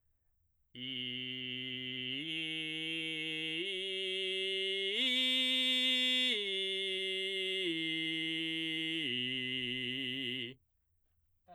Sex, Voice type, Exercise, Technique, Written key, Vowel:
male, baritone, arpeggios, belt, , i